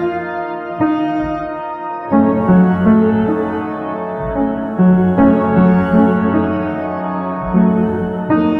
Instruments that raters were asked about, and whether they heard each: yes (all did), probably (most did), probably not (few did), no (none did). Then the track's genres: cello: probably not
piano: yes
Pop; Psych-Folk; Experimental Pop